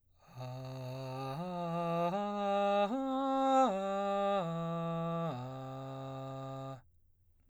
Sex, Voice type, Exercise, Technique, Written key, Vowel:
male, baritone, arpeggios, straight tone, , a